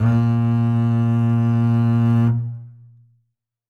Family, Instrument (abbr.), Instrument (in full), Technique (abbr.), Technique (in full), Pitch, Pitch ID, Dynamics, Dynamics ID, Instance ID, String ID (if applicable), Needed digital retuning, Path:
Strings, Cb, Contrabass, ord, ordinario, A#2, 46, ff, 4, 2, 3, TRUE, Strings/Contrabass/ordinario/Cb-ord-A#2-ff-3c-T13u.wav